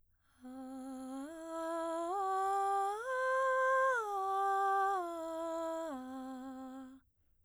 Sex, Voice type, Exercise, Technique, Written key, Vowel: female, soprano, arpeggios, breathy, , a